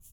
<region> pitch_keycenter=63 lokey=63 hikey=63 volume=19.229598 seq_position=1 seq_length=2 ampeg_attack=0.004000 ampeg_release=30.000000 sample=Idiophones/Struck Idiophones/Shaker, Small/Mid_ShakerDouble_Up_rr1.wav